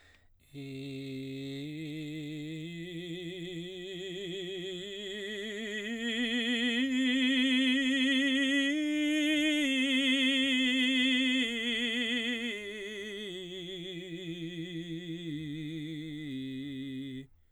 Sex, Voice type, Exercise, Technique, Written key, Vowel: male, baritone, scales, vibrato, , i